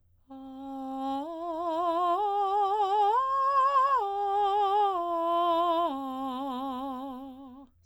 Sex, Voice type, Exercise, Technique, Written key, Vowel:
female, soprano, arpeggios, slow/legato piano, C major, a